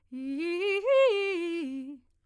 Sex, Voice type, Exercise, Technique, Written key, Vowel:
female, soprano, arpeggios, fast/articulated piano, C major, i